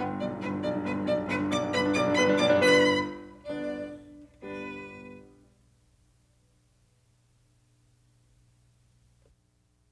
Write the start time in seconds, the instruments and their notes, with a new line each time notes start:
0.00 piano G1 G5, violin B3
0.09 piano G2
0.19 piano B1, violin D5
0.31 piano G2
0.42 piano G1, violin B4
0.52 piano G2
0.63 piano B1, violin D5
0.72 piano G2
0.82 piano G1, violin B4
0.93 piano G2
1.06 piano B1, violin D5
1.16 piano G2
1.27 piano G1, violin B4
1.37 piano G2
1.47 piano B1 D5, violin D6
1.58 piano G2 D4
1.68 piano G1 B4, violin B5
1.79 piano G2 D4
1.89 piano B1 D5, violin D6
1.99 piano G2 D4
2.10 piano G1 B4, violin B5
2.19 piano G2 D4
2.30 piano B1 D5, violin D6
2.41 piano G2 D4
2.54 piano G1 B4, violin B5
3.04 piano F#1 G2 D3 B3 D4, violin D4 D5
3.70 piano G1 G2 D3 G3 B3, violin D4 B4
7.33 violin G4